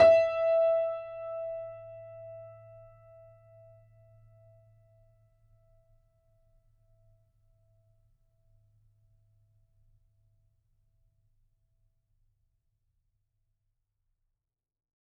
<region> pitch_keycenter=76 lokey=76 hikey=77 volume=-0.784616 lovel=100 hivel=127 locc64=0 hicc64=64 ampeg_attack=0.004000 ampeg_release=0.400000 sample=Chordophones/Zithers/Grand Piano, Steinway B/NoSus/Piano_NoSus_Close_E5_vl4_rr1.wav